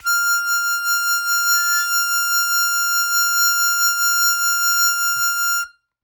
<region> pitch_keycenter=89 lokey=87 hikey=91 volume=2.029961 trigger=attack ampeg_attack=0.100000 ampeg_release=0.100000 sample=Aerophones/Free Aerophones/Harmonica-Hohner-Special20-F/Sustains/Vib/Hohner-Special20-F_Vib_F5.wav